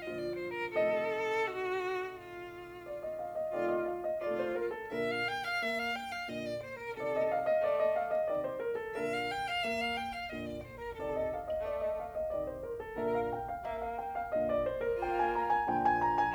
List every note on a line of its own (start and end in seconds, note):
0.00 0.73 A#2
0.00 0.73 D3
0.00 0.73 F3
0.00 0.73 F4
0.00 0.17 D#5
0.17 0.36 D5
0.36 0.55 C5
0.55 0.73 A#4
0.73 3.59 C3
0.73 3.59 D#3
0.73 3.59 A3
0.73 1.37 A4
0.73 2.84 D#5
1.38 2.09 F#4
2.09 3.41 F4
2.86 3.03 D5
3.04 3.23 D#5
3.23 3.41 F5
3.41 3.59 D#5
3.60 4.28 C3
3.60 4.28 D#3
3.60 4.28 A3
3.60 4.09 F4
3.60 3.74 D5
3.75 3.91 D#5
3.92 4.09 F5
4.10 4.28 D#5
4.28 4.91 C3
4.28 4.91 D#3
4.28 4.91 A3
4.28 4.73 F4
4.28 4.44 D5
4.44 4.55 C5
4.55 4.73 A#4
4.74 4.91 A4
4.92 5.56 A#2
4.92 5.56 D3
4.92 5.56 A#4
4.92 5.07 E5
5.07 5.22 F5
5.22 5.38 G5
5.38 5.56 F5
5.56 6.27 A#3
5.56 5.74 E5
5.74 5.91 F5
5.91 6.10 G5
6.10 6.28 F5
6.28 6.92 A#2
6.28 6.92 D3
6.28 6.46 D#5
6.46 6.56 D5
6.56 6.73 C5
6.73 6.93 A#4
6.93 7.63 C3
6.93 7.63 D#3
6.93 7.44 A4
6.93 7.11 D5
7.12 7.28 D#5
7.29 7.44 F5
7.45 7.63 D#5
7.63 8.28 A3
7.63 7.77 D5
7.77 7.95 D#5
7.96 8.10 F5
8.12 8.28 D#5
8.29 8.95 C3
8.29 8.95 D#3
8.29 8.44 D5
8.44 8.57 C5
8.58 8.77 A#4
8.77 8.95 A4
8.95 9.59 A#2
8.95 9.59 D3
8.95 9.59 A#4
8.95 9.07 E5
9.07 9.23 F5
9.23 9.42 G5
9.42 9.60 F5
9.60 10.29 A#3
9.60 9.78 E5
9.78 9.93 F5
9.93 10.10 G5
10.10 10.30 F5
10.30 10.96 A#2
10.30 10.96 D3
10.30 10.40 D#5
10.40 10.58 D5
10.58 10.76 C5
10.76 10.96 A#4
10.96 11.62 C3
10.96 11.62 D#3
10.96 11.48 A4
10.96 11.11 D5
11.11 11.30 D#5
11.31 11.48 F5
11.49 11.62 D#5
11.62 12.29 A3
11.62 11.77 D5
11.77 11.94 D#5
11.95 12.11 F5
12.11 12.29 D#5
12.29 12.98 C3
12.29 12.98 D#3
12.29 12.46 D5
12.47 12.62 C5
12.63 12.81 A#4
12.82 12.98 A4
12.98 13.63 A#2
12.98 13.63 D3
12.98 13.46 A#4
12.98 13.11 E5
13.11 13.29 F5
13.29 13.46 G5
13.46 13.63 F5
13.64 14.33 A#3
13.64 13.82 E5
13.83 13.97 F5
13.98 14.13 G5
14.14 14.33 F5
14.33 15.02 A#2
14.33 15.02 D3
14.33 14.50 D#5
14.50 14.68 D5
14.69 14.87 C5
14.88 15.02 A#4
15.03 15.69 A#3
15.03 15.69 F4
15.03 15.20 G5
15.21 15.36 G#5
15.37 15.52 A#5
15.52 15.69 G#5
15.69 16.34 A#2
15.69 16.34 D3
15.69 16.34 F3
15.69 15.84 G5
15.85 16.00 G#5
16.01 16.16 A#5
16.17 16.34 G#5